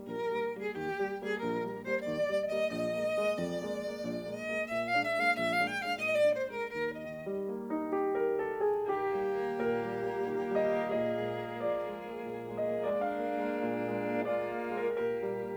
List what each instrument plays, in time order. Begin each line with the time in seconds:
0.01 piano A#1, violin A#4
0.25 piano D#3 G3 A#3
0.49 piano D#3 G3 A#3
0.55 violin G#4
0.74 piano D#2, violin G4
0.99 piano G3 A#3
1.22 piano G3 A#3
1.27 violin G#4
1.43 piano A#1, violin A#4
1.64 piano G3 A#3
1.86 piano G3 A#3, violin C5
2.06 piano D#2, violin D5
2.27 piano G3 A#3
2.50 piano G3 A#3, violin D#5
2.70 piano A#1, violin D#5
2.93 piano G#3 A#3
3.12 piano G#3 A#3
3.37 piano F2, violin D5
3.60 piano G#3 A#3
3.84 piano G#3 A#3
4.03 piano A#1
4.29 piano G#3 A#3
4.38 violin D#5
4.51 piano G#3 A#3
4.71 piano A#2, violin E5
4.89 violin F5
4.95 piano G#3 A#3 D4
5.07 violin E5
5.20 piano G#3 A#3 D4
5.24 violin F5
5.42 piano A#1, violin E5
5.59 piano G#3 A#3 D4, violin F5
5.64 violin G5
5.73 piano G#3 A#3 D4
5.80 violin F5
5.98 piano A#2, violin D#5
6.17 violin D5
6.23 piano G#3 A#3 D4
6.36 violin C5
6.48 piano G#3 A#3 D4
6.54 violin A#4
6.74 piano D#2, violin A#4
6.93 violin D#5
6.98 piano D#3
7.24 piano G3
7.48 piano A#3
7.73 piano D#4
7.92 piano G4
8.17 piano A#4
8.40 piano A4
8.62 piano G#4
8.89 piano D#3 G4, violin A#3 G4
9.14 piano G3
9.42 piano A#3
9.67 piano A#2 A#4
9.83 piano G3
10.06 piano A#3
10.25 piano D#3
10.50 piano G3
10.63 piano D#5
10.75 piano A#3
10.98 piano A#2 D#5, violin G#4
11.20 piano G#3
11.45 piano A#3
11.64 piano F3 D5
11.86 piano G#3
12.08 piano A#3
12.25 piano A#2
12.47 piano G#3
12.59 piano D#5
12.72 piano A#3
12.96 violin D4, piano F5
13.16 piano A#3
13.39 piano G#3
13.61 piano A#2
13.80 piano G#3
14.00 piano A#3
14.22 violin F4, piano D5
14.44 piano A#3
14.63 piano G#3
14.68 piano A#4
14.84 piano A#2 A#4, violin G4
15.08 piano G3
15.31 piano A#3